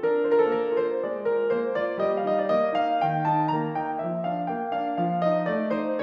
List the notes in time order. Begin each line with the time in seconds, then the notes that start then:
0.01 D4 A#4
0.25 F4 C5
0.33 A#4
0.40 A4
0.49 A#3 A#4
0.74 F4 C5
0.99 G#3 D5
1.26 F4 A#4
1.47 A#3 C5
1.78 F4 D5
2.01 G3 D#5
2.26 D#4 F5
2.35 D#5
2.42 D5
2.51 A#3 D#5
2.77 D#4 F5
3.01 D#3 G5
3.26 D#4 A5
3.48 A#3 A#5
3.76 D#4 G5
4.00 F3 E5
4.26 D4 F5
4.52 A#3 G5
4.77 D4 F5
5.01 F3 F5
5.27 D#4 D#5
5.51 A3 D5
5.74 D#4 C5